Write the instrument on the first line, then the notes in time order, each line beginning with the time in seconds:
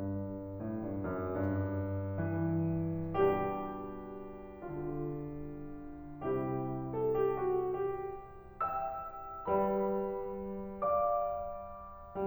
piano
0.00 G2
0.60 A2
0.80 G2
1.03 F#2
1.37 G2
2.25 E3
3.19 B2 G3 D4 G4
4.63 D3 F4
6.32 C3 G3 E4 G4
6.98 A4
7.24 G4
7.47 F#4
7.73 G4
8.56 E5 G5 E6
9.50 G3 B4 D5 B5
10.86 D5 F5 D6